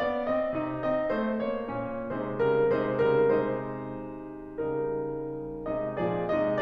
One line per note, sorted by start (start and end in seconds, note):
0.01 0.26 B3
0.01 0.26 D5
0.27 0.57 C4
0.27 0.57 D#5
0.61 0.82 C3
0.61 0.82 D#4
0.82 1.12 C4
0.82 1.12 D#5
1.13 1.46 A3
1.13 1.46 C5
1.46 1.70 A#3
1.46 1.70 C#5
1.71 2.14 A#2
1.71 2.14 C#4
2.18 2.46 C3
2.18 2.46 G#3
2.18 2.75 D#4
2.18 2.46 C5
2.47 2.75 C#3
2.47 2.75 G3
2.47 2.75 A#4
2.76 3.00 C3
2.76 3.00 G#3
2.76 3.34 D#4
2.76 3.00 C5
3.01 3.34 C#3
3.01 3.34 G3
3.01 3.34 A#4
3.36 4.60 C3
3.36 4.60 G#3
3.36 4.60 D#4
3.36 4.60 C5
4.61 5.69 C#3
4.61 5.69 G3
4.61 5.69 D#4
4.61 5.69 A#4
5.71 6.01 C3
5.71 6.01 G#3
5.71 6.01 D#4
5.71 6.01 D#5
6.02 6.30 A#2
6.02 6.30 F3
6.02 6.30 G#4
6.02 6.30 D5
6.32 6.61 C3
6.32 6.61 G#3
6.32 6.61 D#4
6.32 6.61 D#5